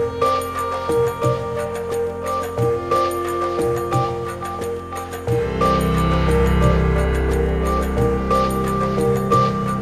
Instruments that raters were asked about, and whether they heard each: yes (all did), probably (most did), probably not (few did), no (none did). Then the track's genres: flute: no
Electronic; Techno